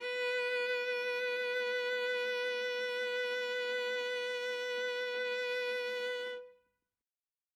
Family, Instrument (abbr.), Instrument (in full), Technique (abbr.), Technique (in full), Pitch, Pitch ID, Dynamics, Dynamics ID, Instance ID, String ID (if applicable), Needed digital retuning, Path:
Strings, Va, Viola, ord, ordinario, B4, 71, ff, 4, 1, 2, TRUE, Strings/Viola/ordinario/Va-ord-B4-ff-2c-T11u.wav